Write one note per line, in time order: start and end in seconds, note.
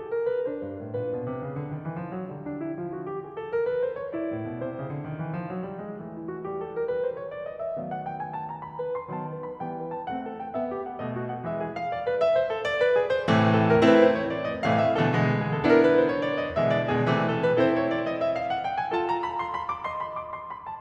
0.00 0.14 A4
0.15 0.31 A#4
0.31 0.44 B4
0.44 1.43 D4
0.44 0.95 C5
0.59 0.75 G2
0.77 0.95 A2
0.98 1.14 A#2
0.98 1.43 B4
1.14 1.28 B2
1.28 1.43 C3
1.43 1.54 C#3
1.56 1.72 D3
1.73 1.87 D#3
1.87 2.04 E3
2.04 2.19 F3
2.21 2.37 F#3
2.38 3.24 D3
2.38 2.79 G3
2.48 2.62 D4
2.62 2.79 E4
2.79 3.24 F3
2.79 2.95 F4
2.96 3.08 F#4
3.08 3.24 G4
3.24 3.40 G#4
3.40 3.55 A4
3.55 3.70 A#4
3.72 3.87 B4
3.88 4.01 C5
4.01 4.16 C#5
4.16 5.09 E4
4.16 4.63 D5
4.34 4.46 A2
4.48 4.63 B2
4.63 4.77 C3
4.63 5.09 C5
4.77 4.92 C#3
4.92 5.09 D3
5.10 5.26 D#3
5.26 5.41 E3
5.41 5.51 F3
5.51 5.68 F#3
5.69 5.84 G3
5.85 5.98 G#3
5.98 6.85 E3
5.98 6.41 A3
6.15 6.26 E4
6.26 6.41 F#4
6.41 6.85 G3
6.41 6.56 G4
6.57 6.70 A4
6.70 6.85 A#4
6.85 7.01 B4
7.02 7.19 C5
7.20 7.34 C#5
7.34 7.49 D5
7.49 7.64 D#5
7.64 7.79 E5
7.80 9.11 D#3
7.80 9.11 F#3
7.80 9.11 A3
7.80 9.11 B3
7.80 7.88 F5
7.88 8.02 F#5
8.02 8.19 G5
8.19 8.29 G#5
8.29 8.49 A5
8.50 8.65 A#5
8.66 8.80 B5
8.80 8.96 B4
8.96 9.11 C6
9.13 9.58 D#3
9.13 9.58 F#3
9.13 9.58 B3
9.13 9.28 A5
9.30 9.44 B4
9.44 9.58 B5
9.58 10.10 E3
9.58 10.10 G3
9.58 10.10 B3
9.58 9.76 G5
9.76 9.90 B4
9.91 10.10 A5
10.11 10.55 A3
10.11 10.55 C4
10.11 10.26 F#5
10.26 10.41 A4
10.41 10.55 G5
10.58 11.02 B3
10.58 10.70 E5
10.72 10.87 G4
10.87 11.02 F#5
11.02 11.44 B2
11.02 11.44 A3
11.02 11.17 D#5
11.17 11.33 F#4
11.34 11.44 F#5
11.45 11.89 E3
11.45 11.89 G#3
11.45 11.55 E5
11.55 11.73 G#4
11.73 11.89 F5
11.90 12.06 D5
12.07 12.19 B4
12.19 12.35 E5
12.35 12.52 C5
12.52 12.63 A4
12.64 12.78 D5
12.79 12.93 B4
12.93 13.06 G#4
13.06 13.28 C5
13.28 13.82 A2
13.28 13.82 C3
13.28 13.82 E3
13.28 13.82 A3
13.47 13.65 A4
13.66 13.82 A#4
13.82 14.33 A3
13.82 14.33 C4
13.82 14.33 E4
13.82 13.97 B4
13.97 14.14 C5
14.15 14.33 C#5
14.34 14.45 D5
14.45 14.61 D#5
14.61 14.68 E5
14.68 15.03 A2
14.68 15.03 C3
14.68 15.03 E3
14.68 15.03 A3
14.68 14.80 F5
14.81 14.99 E5
15.00 15.14 A2
15.00 15.14 C3
15.00 15.14 E3
15.00 15.14 A3
15.00 15.14 A4
15.14 15.63 B2
15.14 15.63 D3
15.14 15.63 E3
15.14 15.63 G#3
15.30 15.46 G#4
15.48 15.63 A4
15.64 16.10 B3
15.64 16.10 D4
15.64 16.10 E4
15.64 15.79 A#4
15.79 15.94 B4
15.94 16.10 C5
16.10 16.24 C#5
16.25 16.39 D5
16.40 16.54 D#5
16.54 16.93 B2
16.54 16.93 D3
16.54 16.93 E3
16.54 16.93 G#3
16.54 16.74 E5
16.74 16.88 D5
16.89 17.07 B2
16.89 17.07 D3
16.89 17.07 E3
16.89 17.07 G#3
16.89 17.07 G#4
17.08 17.58 C3
17.08 17.58 E3
17.08 17.58 A3
17.23 17.41 A4
17.41 17.58 B4
17.58 18.09 C4
17.58 18.09 E4
17.58 18.09 A4
17.58 17.77 C5
17.79 17.93 C#5
17.94 18.09 D5
18.09 18.25 D#5
18.25 18.43 E5
18.43 18.54 F5
18.54 18.62 F#5
18.62 18.76 G5
18.76 18.92 G#5
18.92 20.81 F4
18.92 20.81 A4
18.92 19.09 A5
19.10 19.26 A#5
19.27 19.38 B5
19.38 19.50 C6
19.50 19.66 B5
19.66 19.81 D6
19.83 20.81 D#5
19.83 19.99 C6
20.00 20.18 B5
20.18 20.34 D6
20.34 20.48 C6
20.49 20.64 B5
20.65 20.81 A5